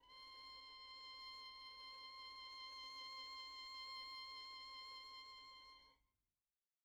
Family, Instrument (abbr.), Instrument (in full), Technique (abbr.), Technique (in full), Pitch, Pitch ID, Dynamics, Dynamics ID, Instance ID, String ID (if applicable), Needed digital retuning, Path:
Strings, Vn, Violin, ord, ordinario, C6, 84, pp, 0, 1, 2, FALSE, Strings/Violin/ordinario/Vn-ord-C6-pp-2c-N.wav